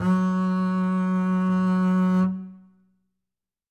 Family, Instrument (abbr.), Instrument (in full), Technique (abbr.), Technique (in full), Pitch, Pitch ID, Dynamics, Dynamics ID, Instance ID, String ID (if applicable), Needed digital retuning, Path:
Strings, Cb, Contrabass, ord, ordinario, F#3, 54, ff, 4, 2, 3, TRUE, Strings/Contrabass/ordinario/Cb-ord-F#3-ff-3c-T10u.wav